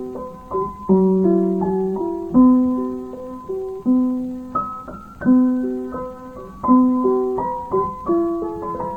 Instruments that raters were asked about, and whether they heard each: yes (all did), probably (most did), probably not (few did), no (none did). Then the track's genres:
mallet percussion: probably not
ukulele: no
piano: yes
Field Recordings; Spoken Weird; Spoken Word